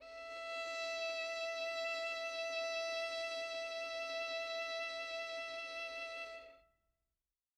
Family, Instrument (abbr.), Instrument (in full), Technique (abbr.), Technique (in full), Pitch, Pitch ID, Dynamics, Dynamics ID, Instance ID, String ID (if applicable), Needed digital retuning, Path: Strings, Vn, Violin, ord, ordinario, E5, 76, mf, 2, 3, 4, FALSE, Strings/Violin/ordinario/Vn-ord-E5-mf-4c-N.wav